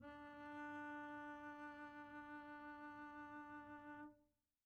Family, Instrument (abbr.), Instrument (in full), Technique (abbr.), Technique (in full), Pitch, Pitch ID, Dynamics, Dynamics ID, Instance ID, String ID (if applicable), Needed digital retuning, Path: Strings, Cb, Contrabass, ord, ordinario, D4, 62, pp, 0, 1, 2, FALSE, Strings/Contrabass/ordinario/Cb-ord-D4-pp-2c-N.wav